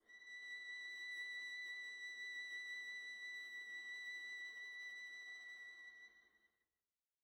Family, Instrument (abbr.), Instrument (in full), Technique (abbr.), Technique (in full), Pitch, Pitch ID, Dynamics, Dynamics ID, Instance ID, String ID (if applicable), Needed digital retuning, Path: Strings, Va, Viola, ord, ordinario, B6, 95, pp, 0, 0, 1, FALSE, Strings/Viola/ordinario/Va-ord-B6-pp-1c-N.wav